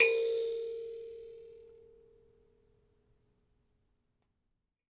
<region> pitch_keycenter=70 lokey=70 hikey=71 tune=28 volume=6.639345 ampeg_attack=0.004000 ampeg_release=15.000000 sample=Idiophones/Plucked Idiophones/Mbira Mavembe (Gandanga), Zimbabwe, Low G/Mbira5_Normal_MainSpirit_A#3_k18_vl2_rr1.wav